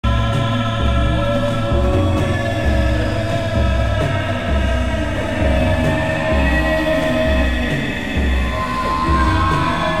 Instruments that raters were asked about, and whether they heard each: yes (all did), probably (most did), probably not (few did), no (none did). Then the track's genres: mandolin: no
voice: yes
Experimental; Unclassifiable